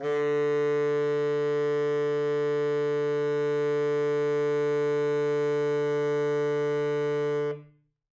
<region> pitch_keycenter=50 lokey=50 hikey=51 volume=14.317251 lovel=84 hivel=127 ampeg_attack=0.004000 ampeg_release=0.500000 sample=Aerophones/Reed Aerophones/Tenor Saxophone/Non-Vibrato/Tenor_NV_Main_D2_vl3_rr1.wav